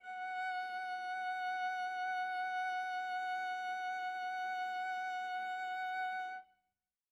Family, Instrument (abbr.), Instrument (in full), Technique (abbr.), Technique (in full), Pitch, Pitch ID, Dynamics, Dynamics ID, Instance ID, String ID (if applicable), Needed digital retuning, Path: Strings, Va, Viola, ord, ordinario, F#5, 78, mf, 2, 1, 2, FALSE, Strings/Viola/ordinario/Va-ord-F#5-mf-2c-N.wav